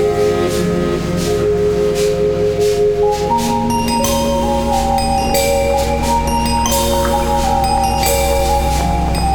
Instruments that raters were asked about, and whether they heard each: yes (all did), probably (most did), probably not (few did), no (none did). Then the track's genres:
mallet percussion: yes
Contemporary Classical